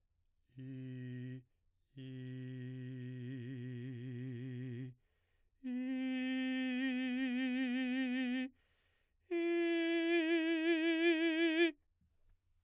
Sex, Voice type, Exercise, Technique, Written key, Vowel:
male, baritone, long tones, trillo (goat tone), , i